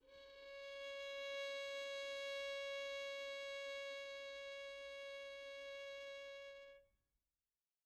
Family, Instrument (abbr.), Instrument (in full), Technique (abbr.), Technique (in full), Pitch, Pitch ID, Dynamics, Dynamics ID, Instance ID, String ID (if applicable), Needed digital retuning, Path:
Strings, Vn, Violin, ord, ordinario, C#5, 73, pp, 0, 1, 2, FALSE, Strings/Violin/ordinario/Vn-ord-C#5-pp-2c-N.wav